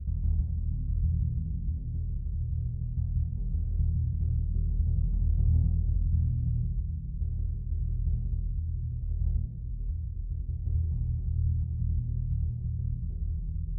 <region> pitch_keycenter=64 lokey=64 hikey=64 volume=15.925822 lovel=84 hivel=106 ampeg_attack=0.004000 ampeg_release=2.000000 sample=Membranophones/Struck Membranophones/Bass Drum 2/bassdrum_roll_fast_mf.wav